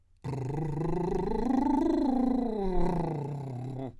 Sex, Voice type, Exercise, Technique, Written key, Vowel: male, , scales, lip trill, , o